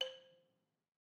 <region> pitch_keycenter=72 lokey=69 hikey=74 volume=21.768622 offset=182 lovel=66 hivel=99 ampeg_attack=0.004000 ampeg_release=30.000000 sample=Idiophones/Struck Idiophones/Balafon/Hard Mallet/EthnicXylo_hardM_C4_vl2_rr1_Mid.wav